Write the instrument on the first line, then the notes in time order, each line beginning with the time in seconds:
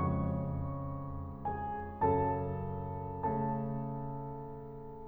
piano
0.00 F2 C#3 C#5 C#6
0.06 G#3
1.59 G#4 G#5
2.02 F#2 C#3 F#3 A4 A5
2.96 C#3 A3 A4 A5